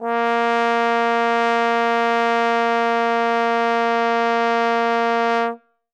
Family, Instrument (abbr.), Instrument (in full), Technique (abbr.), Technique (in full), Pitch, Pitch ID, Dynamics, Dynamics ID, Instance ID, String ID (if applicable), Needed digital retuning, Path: Brass, Tbn, Trombone, ord, ordinario, A#3, 58, ff, 4, 0, , FALSE, Brass/Trombone/ordinario/Tbn-ord-A#3-ff-N-N.wav